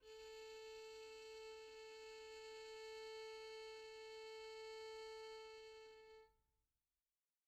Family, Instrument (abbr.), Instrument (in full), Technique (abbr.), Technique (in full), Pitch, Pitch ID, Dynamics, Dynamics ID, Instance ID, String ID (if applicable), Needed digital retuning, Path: Strings, Vn, Violin, ord, ordinario, A4, 69, pp, 0, 1, 2, FALSE, Strings/Violin/ordinario/Vn-ord-A4-pp-2c-N.wav